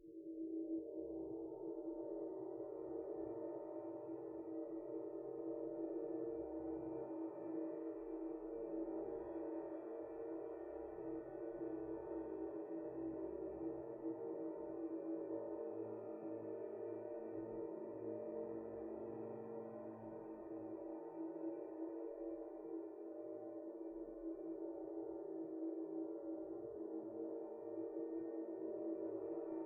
<region> pitch_keycenter=71 lokey=71 hikey=71 volume=22.527333 lovel=0 hivel=65 ampeg_attack=0.004000 ampeg_release=2.000000 sample=Idiophones/Struck Idiophones/Suspended Cymbal 1/susCymb1_roll_mp1_nloop.wav